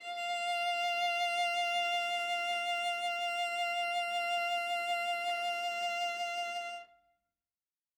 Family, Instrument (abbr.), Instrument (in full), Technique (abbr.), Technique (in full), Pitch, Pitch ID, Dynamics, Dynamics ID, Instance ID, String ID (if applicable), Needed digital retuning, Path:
Strings, Va, Viola, ord, ordinario, F5, 77, ff, 4, 0, 1, FALSE, Strings/Viola/ordinario/Va-ord-F5-ff-1c-N.wav